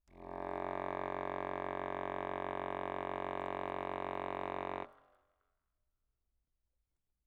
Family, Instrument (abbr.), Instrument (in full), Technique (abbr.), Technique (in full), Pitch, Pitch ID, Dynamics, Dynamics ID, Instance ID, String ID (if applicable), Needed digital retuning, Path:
Keyboards, Acc, Accordion, ord, ordinario, F#1, 30, mf, 2, 0, , FALSE, Keyboards/Accordion/ordinario/Acc-ord-F#1-mf-N-N.wav